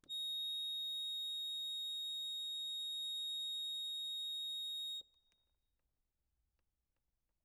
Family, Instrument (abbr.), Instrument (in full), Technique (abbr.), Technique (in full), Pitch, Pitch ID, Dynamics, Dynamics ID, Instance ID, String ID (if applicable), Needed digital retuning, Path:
Keyboards, Acc, Accordion, ord, ordinario, A#7, 106, ff, 4, 0, , FALSE, Keyboards/Accordion/ordinario/Acc-ord-A#7-ff-N-N.wav